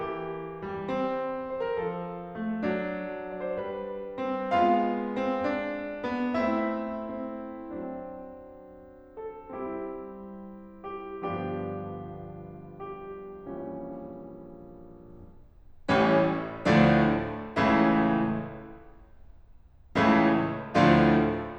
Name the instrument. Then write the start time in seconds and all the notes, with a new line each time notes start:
piano
0.00 E3 G4
0.67 G3
0.84 C4
1.47 C5
1.70 A#4
1.86 F3 A4
2.41 A3
2.59 F#3 D4
3.09 D5
3.40 C5
3.58 G3 B4
4.17 C4
4.49 G#3 B3 F4 F5
5.20 C4
5.50 D4
6.06 B3
6.41 A3 C4 E4 E5
6.99 C4
7.72 F#3 C4 D4
9.25 A4
9.50 G3 C4 E4 G4
10.96 G4
11.25 G1 G2 F3 B3 D4 G4
12.78 G4
13.36 A#1 A#2 E3 G3 C#4
15.92 A1 A2 E3 G3 C#4
16.68 D2 A2 D3 F3 A3 D4
17.60 C#2 A2 C#3 E3 A3 E4
19.97 C#2 A2 C#3 E3 A3 E4
20.82 D2 A2 D3 F3 A3 D4 F4